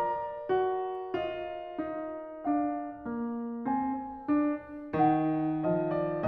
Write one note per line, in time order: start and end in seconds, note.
0.00 6.28 A#4
0.00 1.17 D5
0.00 3.68 A#5
0.50 1.17 F#4
1.17 1.88 F4
1.17 2.45 D#5
1.88 2.45 D#4
2.45 3.08 D4
2.45 5.63 F5
3.08 3.68 A#3
3.68 4.27 C4
3.68 4.98 G#5
4.27 4.98 D4
4.98 6.28 D#3
4.98 5.63 D#4
4.98 6.28 F#5
5.63 6.28 F3
5.63 5.93 D#5
5.93 6.28 D5